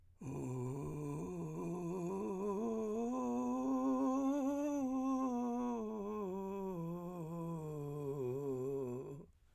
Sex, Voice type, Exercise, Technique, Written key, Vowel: male, , scales, vocal fry, , u